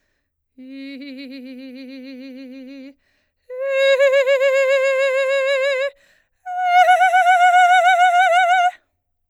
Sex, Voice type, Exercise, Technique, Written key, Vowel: female, soprano, long tones, trillo (goat tone), , i